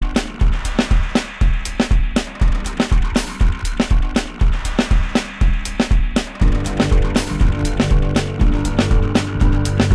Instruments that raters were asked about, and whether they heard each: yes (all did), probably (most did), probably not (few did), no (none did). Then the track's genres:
cymbals: yes
drums: yes
Avant-Garde; Electronic; Experimental